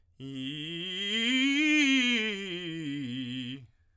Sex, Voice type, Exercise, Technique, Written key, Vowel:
male, tenor, scales, fast/articulated piano, C major, i